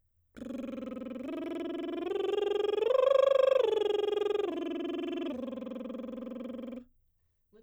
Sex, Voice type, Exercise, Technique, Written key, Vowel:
female, soprano, arpeggios, lip trill, , a